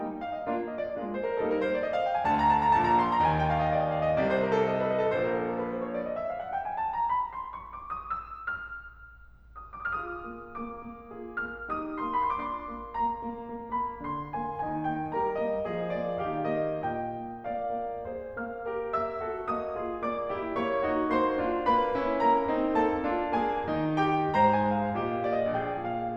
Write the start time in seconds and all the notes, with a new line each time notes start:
0.00 G3 A#3 D#4
0.19 F5
0.33 D#5
0.46 A#3 D4 F4
0.77 D#5
0.88 D5
0.98 G#3 A#3 D4 F4
1.17 C5
1.28 A#4
1.37 G3 A#3 D#4 A4
1.49 A#4
1.59 C5
1.71 D5
1.82 D#5
1.93 F5
2.04 G5
2.18 G#5
2.26 D2 D3 A5
2.37 A#5
2.53 A5
2.66 A#5
2.79 A#1 A#2 A5
2.91 A#5
3.02 C6
3.13 A#5
3.25 D#2 D#3 G#5
3.39 G5
3.49 F5
3.60 D#5
3.69 D5
3.80 D#5
3.91 F5
4.05 D#5
4.19 C2 C3 D5
4.31 C5
4.45 A#4
4.53 A4
4.62 D#5
4.73 A4
4.85 D#5
4.98 A4
5.10 C5
5.26 A#4
5.36 A4
5.47 A#4
5.57 B4
5.70 C5
5.82 C#5
5.93 D5
6.05 D#5
6.19 E5
6.29 F5
6.40 F#5
6.49 G5
6.64 G#5
6.79 A5
6.91 A#5
7.05 B5
7.33 C6
7.52 C#6
7.70 D6
7.87 D#6
8.08 E6
8.31 F6
9.79 D#6
10.03 F4 G#4 D6
10.08 D#6
10.15 F6
10.21 D#6
10.25 A#3
10.63 A#3 D6
10.87 A#3
11.12 F4 G#4
11.45 A#3 F6
11.69 D#4 G4 D#6
11.99 A#3 C6
12.21 D4 F4 B5
12.31 C6
12.39 D6
12.60 C6
12.67 A#3
12.90 A#3 A#5
13.19 A#3
13.49 A#3
13.77 A#3 B5
14.01 D3 D4 C6
14.37 A#3 G#5
14.64 D#3 D#4 G#5
14.94 A#3 G5
15.21 G3 G4 A#4 A#5
15.44 A#3 D#5
15.69 F3 F4 G#4 D#5
15.93 A#3 D5
16.21 D#3 D#4 F4 F5
16.45 A#3 D#5
16.79 A#2 D#5 G5
17.22 A#3
17.47 A#3 D5 F5
17.71 A#3
18.08 G#4 C5
18.46 A#3 F5 F6
18.68 G4 A#4
18.96 A#3 E5 E6
19.21 F#4 A4
19.47 A#3 D#5 D#6
19.74 F4 G#4
20.00 A#3 D5 D6
20.28 E4 G4
20.55 A#3 C#5 C#6
20.78 D#4 F#4
21.10 A#3 C5 C6
21.37 D4 F4
21.69 A#3 B4 B5
21.99 C#4 E4
22.21 A#3 A#4 A#5
22.43 C4 D#4
22.77 A#3 A4 A5
23.02 D4 F4
23.32 A#3 G#4 G#5
23.67 D#3
23.97 D#4 G4 G5
24.37 G#2 C5 A#5
24.57 G#5
24.65 G#3
24.76 F5
24.91 A#2 G4 D#5
25.25 A#3 F5
25.34 D#5
25.40 D5
25.47 D#5
25.52 A#1 G#4 D5 G5
25.81 A#2 F5